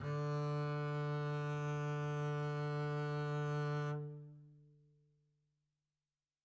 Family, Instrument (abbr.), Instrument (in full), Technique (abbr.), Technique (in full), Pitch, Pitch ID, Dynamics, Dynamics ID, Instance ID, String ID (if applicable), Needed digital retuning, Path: Strings, Cb, Contrabass, ord, ordinario, D3, 50, mf, 2, 0, 1, FALSE, Strings/Contrabass/ordinario/Cb-ord-D3-mf-1c-N.wav